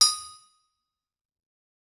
<region> pitch_keycenter=62 lokey=62 hikey=62 volume=4.137325 offset=260 lovel=100 hivel=127 ampeg_attack=0.004000 ampeg_release=15.000000 sample=Idiophones/Struck Idiophones/Anvil/Anvil_Hit3_v3_rr1_Mid.wav